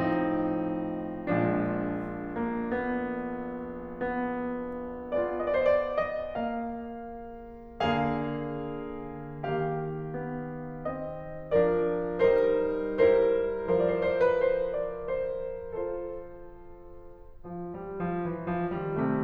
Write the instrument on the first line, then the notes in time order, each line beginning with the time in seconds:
piano
0.01 A2 F3 C4 D#4
1.39 A#1 A#2 F3 G#3 D4
2.48 A#3
2.65 B3
3.95 B3
5.11 B3 F4 G#4 D5
5.67 D#5
5.73 D5
5.78 C5
5.82 D5
6.05 D#5
6.32 A#3 F5
7.77 D3 A#3 G#4 F5
9.36 D#3 A#3 G4 F5
10.18 B3
10.90 C4 D#5
11.56 F3 D4 A#4 D5
12.20 G3 D#4 A#4 C5
13.02 G3 E4 A#4 C5
13.78 F3 E4 A#4 C5
13.90 D5
14.00 C5
14.09 D5
14.18 C5
14.27 D5
14.38 B4
14.48 C5
14.61 D5
15.04 C5
15.48 F4 A4 C5
17.46 F3
17.73 G3
17.95 F3
18.19 E3
18.58 F3
18.74 D#3 G3
19.00 C3 A3